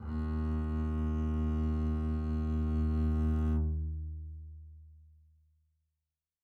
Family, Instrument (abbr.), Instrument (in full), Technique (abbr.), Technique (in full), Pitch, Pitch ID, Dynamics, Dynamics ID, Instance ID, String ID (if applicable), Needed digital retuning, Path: Strings, Cb, Contrabass, ord, ordinario, D#2, 39, mf, 2, 1, 2, FALSE, Strings/Contrabass/ordinario/Cb-ord-D#2-mf-2c-N.wav